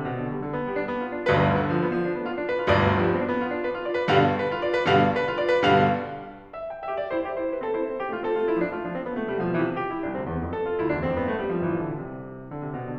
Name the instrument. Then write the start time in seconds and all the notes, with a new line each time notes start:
piano
0.00 B2
0.19 D3
0.30 G3
0.43 D3
0.56 B3
0.68 G3
0.78 D4
0.88 B3
1.04 G4
1.17 D4
1.29 G1 B1 D2 G2 B4
1.53 D3
1.68 F3
1.83 B3
1.96 F3
2.07 D4
2.17 B3
2.30 F4
2.40 D4
2.50 B4
2.62 F4
2.74 G1 B1 D2 G2 D5
2.98 F3
3.07 B3
3.18 D4
3.30 B3
3.39 F4
3.54 D4
3.63 B4
3.76 F4
3.88 D5
4.01 B4
4.11 G2 B2 D3 G3 F5
4.31 B4
4.47 F4
4.59 D5
4.71 B4
4.88 G2 B2 D3 G3 F5
5.18 B4
5.31 F4
5.41 D5
5.56 B4
5.68 G2 B2 D3 G3 F5
6.50 E5
6.72 G5
6.86 G4 E5
6.97 F4 D5
7.12 E4 C5
7.27 G4 E5
7.37 E4 C5
7.55 D4 B4
7.63 C4 A4
7.76 E4 C5
7.89 C4 A4
8.02 B3 G4
8.14 A3 F4
8.23 C4 A4
8.38 A3 F4
8.53 G3 E4
8.67 F3 D4
8.80 A3 F4
8.90 F3 D4
9.04 E3 C4
9.15 D3 B3
9.26 C3 A3
9.37 B2 G3
9.51 D3 F3
9.67 C3 E3
9.78 G4
9.89 E4
10.03 C2 D4
10.17 D2 C4
10.27 E2 A#3
10.39 F2 A3
10.50 A4
10.67 F4
10.79 D2 E4
10.88 E2 D4
10.99 F2 C4
11.12 G2 B3
11.23 A3
11.33 G3
11.53 G1 F3
11.70 A1 E3
11.91 B1 D3
12.00 C2 C3
12.53 D3
12.64 C3
12.74 B2
12.88 D3